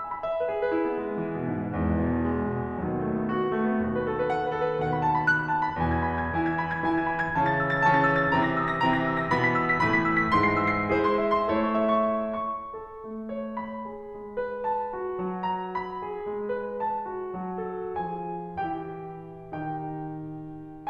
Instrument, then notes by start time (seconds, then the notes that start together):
piano
0.01 G#5
0.12 B5
0.24 E5
0.40 B4
0.51 G#4
0.69 B4
0.98 E4
1.10 B3
1.21 G#3
1.40 B3
1.50 E3
1.69 B3
1.82 G#3
1.93 B3
2.04 E4
2.19 B3
2.36 G#3
2.50 B3
2.66 D#2 B2 D#3 F#3
2.86 B3
2.99 A3
3.14 B3
3.26 F#4
3.36 B3
3.54 A3
3.66 B3
3.79 D#2 B2 D#3 F#4
3.93 B4
4.06 A4
4.17 B4
4.30 F#5
4.44 B4
4.61 A4
4.71 B4
4.81 D#2 B2 D#3 F#5
4.94 B5
5.06 A5
5.17 B5
5.33 F#6
5.45 B5
5.56 A5
5.66 B5
5.80 E2 B2 E3 G#5
5.92 G#6
6.00 B5
6.12 G#6
6.25 E3 E4 G#5
6.47 G#6
6.57 B5
6.68 G#6
6.77 G#5
6.86 E3 E4
6.91 G#6
7.01 B5
7.12 G#6
7.37 C#3 E3 C#4 A5
7.47 A6
7.60 E6
7.71 A6
7.87 C#3 E3 C#4 A5
7.99 A6
8.13 E6
8.24 A6
8.33 C3 E3 C4 A#5
8.46 A#6
8.55 E6
8.68 A#6
8.78 C3 E3 C4 A#5
8.91 A#6
9.04 E6
9.15 A#6
9.29 B2 E3 B3 B5
9.41 B6
9.57 E6
9.72 B6
9.87 A2 E3 A3 B5
9.99 B6
10.11 E6
10.25 B6
10.36 G#2 E3 G#3 C6
10.50 C7
10.68 E6
10.84 C7
10.94 G#3 E4 G#4 C5
11.10 C6
11.24 E5
11.37 C6
11.48 A3 E4 A4 C#5
11.63 C#6
11.76 E5
12.01 C#6
12.36 C#6
12.72 A4
13.06 A3
13.28 C#5
13.57 B5
13.88 G#4
14.14 G#3
14.39 B4
14.72 A5
14.95 F#4
15.18 F#3
15.44 A#5
15.75 B5
16.02 G#4
16.26 G#3
16.56 B4
16.84 A5
17.10 F#4
17.33 F#3
17.58 A4
17.99 F3 F4 G#4 G#5
18.59 E3 E4 G4 G5
19.53 D#3 D#4 G4 G5